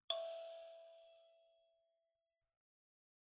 <region> pitch_keycenter=76 lokey=76 hikey=77 tune=-40 volume=22.594101 offset=4642 ampeg_attack=0.004000 ampeg_release=30.000000 sample=Idiophones/Plucked Idiophones/Mbira dzaVadzimu Nyamaropa, Zimbabwe, Low B/MBira4_pluck_Main_E4_19_50_100_rr2.wav